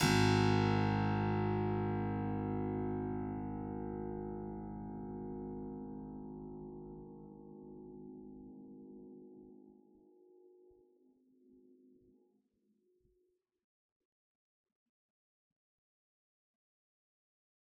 <region> pitch_keycenter=32 lokey=32 hikey=32 volume=1.112921 trigger=attack ampeg_attack=0.004000 ampeg_release=0.400000 amp_veltrack=0 sample=Chordophones/Zithers/Harpsichord, Unk/Sustains/Harpsi4_Sus_Main_G#0_rr1.wav